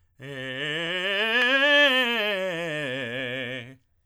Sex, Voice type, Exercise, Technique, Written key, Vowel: male, tenor, scales, fast/articulated forte, C major, e